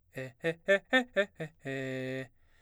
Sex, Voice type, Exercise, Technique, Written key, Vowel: male, baritone, arpeggios, fast/articulated forte, C major, e